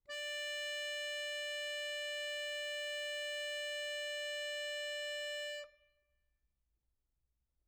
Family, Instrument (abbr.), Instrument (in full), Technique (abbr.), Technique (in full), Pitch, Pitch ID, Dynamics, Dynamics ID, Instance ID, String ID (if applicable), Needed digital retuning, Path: Keyboards, Acc, Accordion, ord, ordinario, D5, 74, mf, 2, 1, , FALSE, Keyboards/Accordion/ordinario/Acc-ord-D5-mf-alt1-N.wav